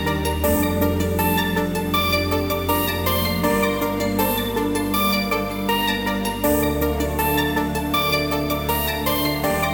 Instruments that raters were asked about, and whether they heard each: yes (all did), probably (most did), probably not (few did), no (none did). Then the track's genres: mandolin: no
Post-Rock